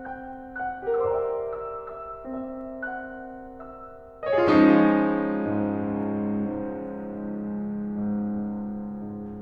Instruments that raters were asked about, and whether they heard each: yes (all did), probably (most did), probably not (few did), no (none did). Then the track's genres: piano: yes
drums: no
Classical